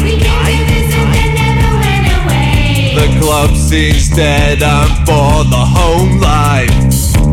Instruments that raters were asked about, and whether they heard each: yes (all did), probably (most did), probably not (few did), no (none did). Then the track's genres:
voice: yes
Lo-Fi; Experimental